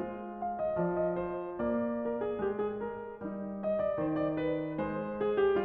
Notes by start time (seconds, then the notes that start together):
0.00 G#3 F4
0.39 F5
0.58 D#5
0.75 F3 D5
1.16 D#5
1.34 C5
1.65 A#3 D5
2.03 A#4
2.19 G#4
2.51 G#3 G4
2.67 G#4
2.82 A#4
3.13 G3 D#4
3.65 D#5
3.80 D5
3.98 D#3 C5
4.19 D5
4.37 B4
4.83 G#3 C5
5.21 G#4
5.35 G4